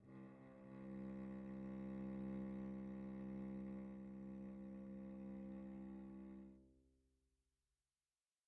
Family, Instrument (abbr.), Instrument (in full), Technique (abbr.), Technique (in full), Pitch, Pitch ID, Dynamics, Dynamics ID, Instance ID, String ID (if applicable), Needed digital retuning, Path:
Strings, Vc, Cello, ord, ordinario, C2, 36, pp, 0, 3, 4, FALSE, Strings/Violoncello/ordinario/Vc-ord-C2-pp-4c-N.wav